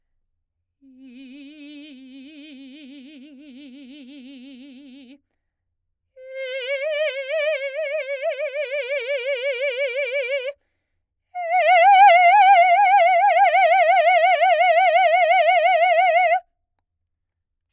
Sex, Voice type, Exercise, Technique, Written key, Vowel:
female, soprano, long tones, trill (upper semitone), , i